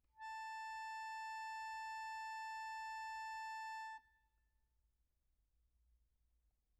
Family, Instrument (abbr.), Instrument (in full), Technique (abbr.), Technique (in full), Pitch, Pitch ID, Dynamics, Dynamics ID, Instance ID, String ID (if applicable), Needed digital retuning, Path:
Keyboards, Acc, Accordion, ord, ordinario, A5, 81, pp, 0, 0, , FALSE, Keyboards/Accordion/ordinario/Acc-ord-A5-pp-N-N.wav